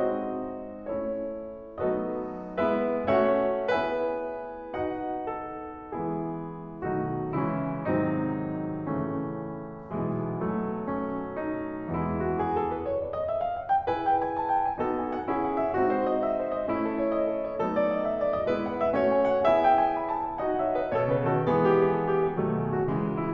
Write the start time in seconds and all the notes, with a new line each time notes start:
0.00 G#3 C4 D#4 F#4 C5 D#5
0.87 A3 C#4 E4 C#5
1.81 F#3 A3 B3 D#4 A4 B4 D#5
2.58 G#3 B3 E4 B4 E5
3.12 A3 C#4 F#4 C#5 E5 F#5
3.67 B3 E4 G#4 B4 E5 G#5
4.73 D#4 F#4 D#5 F#5
5.29 A4
5.89 E3 G#3 B3 E4 G#4
6.85 B2 D#3 F#3 A3 D#4 F#4
7.37 C#3 E3 G#3 C#4 E4
7.85 G#2 C3 D#3 F#3 C4 D#4
8.80 A2 C#3 E3 A3 C#4
9.93 B1 B2 E3 G#3 B3
10.37 F#3 A3
10.89 C#4
11.38 D#4
11.91 E2 E3 G#3 E4
12.18 F#4
12.34 G#4
12.52 A4
12.69 B4
12.85 C#5
13.00 D5
13.14 D#5
13.29 E5
13.44 F5
13.57 F#5
13.71 G5
13.90 E4 G#4 B4 G#5
14.08 G5
14.22 G#5
14.34 A5
14.48 F#5
14.63 G#5
14.77 B3 D#4 F#4 A4
14.91 G#5
15.12 F#5
15.27 C#4 E4 G#4
15.44 F#5
15.57 E5
15.73 C4 D#4 F#4
15.87 C5
16.06 D#5
16.18 E5
16.35 C5
16.53 D#5
16.70 A3 C#4 E4
16.90 A4
17.04 C#5
17.21 D#5
17.33 A4
17.48 C#5
17.62 F#3 A3 B3 D#4 A4
17.77 D5
17.91 D#5
18.05 E5
18.16 D5
18.32 D#5
18.52 G#3 B3 E4 B4
18.70 F#5
18.82 E5
18.96 A3 C#4 F#4 C#5
19.11 G#5
19.26 F#5
19.45 B3 E4 G#4 E5 G#5
19.61 G5
19.76 G#5
19.95 B5
20.07 A5
20.25 G#5
20.40 D#4 F#4 D#5 F#5
20.58 C#5 E5
20.76 B4 D#5
20.91 B2 A4 C#5
21.07 C#3 G#4 B4
21.23 D#3 F#4 A4
21.37 E3 G#3 B3 G#4
21.56 G4
21.76 G#4
21.93 A4
22.11 G4
22.26 G#4
22.41 B2 D#3 F#3 A3
22.55 G#4
22.70 F#4
22.84 C#3 E3 G#3
23.00 F#4
23.15 E4